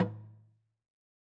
<region> pitch_keycenter=61 lokey=61 hikey=61 volume=11.829110 lovel=100 hivel=127 ampeg_attack=0.004000 ampeg_release=30.000000 sample=Idiophones/Struck Idiophones/Slit Drum/LogDrumLo_MedM_v3_rr1_Sum.wav